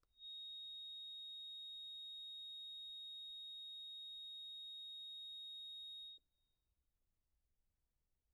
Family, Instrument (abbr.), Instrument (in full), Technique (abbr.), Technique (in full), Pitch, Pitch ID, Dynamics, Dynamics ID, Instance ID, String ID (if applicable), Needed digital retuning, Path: Keyboards, Acc, Accordion, ord, ordinario, A#7, 106, pp, 0, 1, , FALSE, Keyboards/Accordion/ordinario/Acc-ord-A#7-pp-alt1-N.wav